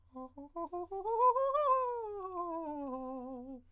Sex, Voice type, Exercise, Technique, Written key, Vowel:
male, countertenor, scales, fast/articulated piano, C major, a